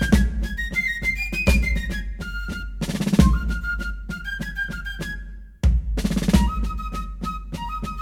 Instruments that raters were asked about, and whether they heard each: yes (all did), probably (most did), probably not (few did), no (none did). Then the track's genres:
clarinet: probably
flute: yes
bass: no
Classical; Americana